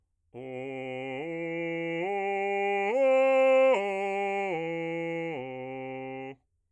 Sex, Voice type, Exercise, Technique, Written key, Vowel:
male, bass, arpeggios, straight tone, , o